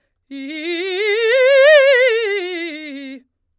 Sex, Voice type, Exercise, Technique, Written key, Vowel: female, soprano, scales, fast/articulated forte, C major, i